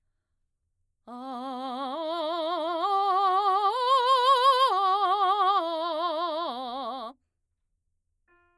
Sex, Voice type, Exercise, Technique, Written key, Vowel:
female, mezzo-soprano, arpeggios, slow/legato forte, C major, a